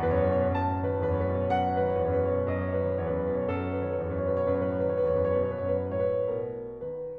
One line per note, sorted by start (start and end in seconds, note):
0.00 0.19 E2
0.00 0.12 B5
0.07 0.27 F#2
0.07 0.19 C#6
0.12 0.26 B5
0.20 0.37 A2
0.20 0.31 C#6
0.27 0.45 B2
0.27 0.38 B5
0.31 0.43 C#6
0.38 0.56 F#2
0.38 0.75 D#5
0.38 0.50 B5
0.44 0.65 A2
0.44 0.57 C#6
0.51 0.63 B5
0.57 0.74 B2
0.57 0.68 C#6
0.64 0.84 D#3
0.64 0.75 B5
0.70 0.82 C#6
0.77 0.88 E2
0.77 0.86 B4
0.82 0.99 F#2
0.82 0.89 C#5
0.87 1.10 A2
0.87 0.96 B4
0.87 1.04 C#5
0.98 1.10 B4
1.02 1.20 B2
1.02 1.17 C#5
1.11 1.30 F#2
1.11 1.24 B4
1.11 1.50 A5
1.18 1.40 A2
1.18 1.31 C#5
1.25 1.37 B4
1.31 1.49 B2
1.31 1.44 C#5
1.38 1.58 D#3
1.38 1.50 B4
1.45 1.56 C#5
1.51 1.67 E2
1.51 1.61 B4
1.56 1.78 F#2
1.56 1.68 C#5
1.63 1.75 B4
1.70 1.88 A2
1.70 1.82 C#5
1.76 1.96 B2
1.76 1.88 B4
1.82 1.94 C#5
1.89 2.05 F#2
1.89 2.01 B4
1.89 2.32 F#5
1.95 2.19 A2
1.95 2.07 C#5
2.01 2.17 B4
2.07 2.31 B2
2.07 2.25 C#5
2.18 2.43 D#3
2.18 2.32 B4
2.26 2.40 C#5
2.32 2.51 E2
2.32 2.45 B4
2.40 2.60 F#2
2.40 2.52 C#5
2.46 2.59 B4
2.53 2.71 A2
2.53 2.64 C#5
2.59 2.79 B2
2.59 2.71 B4
2.65 2.76 C#5
2.72 2.89 F#2
2.72 2.83 B4
2.72 3.11 D#5
2.77 3.02 A2
2.77 2.89 C#5
2.83 2.97 B4
2.90 3.11 B2
2.90 3.07 C#5
2.98 3.11 B4
3.04 3.20 D#3
3.04 3.18 C#5
3.11 3.34 E2
3.11 3.27 B4
3.19 3.48 F#2
3.19 3.36 C#5
3.29 3.45 B4
3.37 3.60 A2
3.37 3.52 C#5
3.46 3.73 B2
3.46 3.61 B4
3.53 3.70 C#5
3.61 3.83 F#2
3.61 4.05 A4
3.61 3.77 B4
3.70 3.84 C#5
3.75 3.92 A2
3.75 3.90 B4
3.85 4.05 B2
3.85 3.97 C#5
3.91 4.16 D#3
3.91 4.05 B4
3.98 4.12 C#5
4.06 4.27 E2
4.06 4.21 B4
4.13 4.28 C#5
4.18 4.40 F#2
4.23 4.37 B4
4.30 4.52 A2
4.30 4.45 C#5
4.38 4.54 B4
4.42 4.73 B2
4.42 4.70 C#5
4.55 4.93 F#2
4.55 5.24 F#4
4.55 4.81 B4
4.70 4.95 C#5
4.77 5.09 A2
4.83 5.03 B4
4.96 5.24 B2
4.96 5.13 C#5
5.04 5.24 B4
5.11 5.41 D#3
5.11 5.38 C#5
5.25 5.85 E2
5.25 5.56 B4
5.39 5.86 C#5
5.43 6.08 F#2
5.78 6.05 B4
5.96 6.28 A2
5.96 6.16 C#5
6.06 6.29 B4
6.12 6.46 B2
6.19 6.41 C#5
6.30 6.64 F#2
6.30 7.17 D#4
6.30 6.52 B4
6.43 6.65 C#5
6.49 6.86 A2
6.55 6.80 B4
6.66 7.15 B2
6.66 6.97 C#5
6.83 7.17 A#4
6.91 7.17 D#3
6.99 7.17 B4